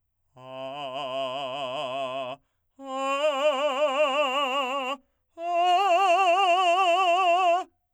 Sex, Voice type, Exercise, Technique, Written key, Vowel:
male, , long tones, trill (upper semitone), , a